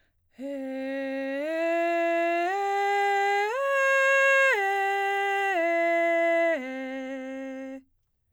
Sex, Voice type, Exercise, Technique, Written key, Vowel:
female, soprano, arpeggios, breathy, , e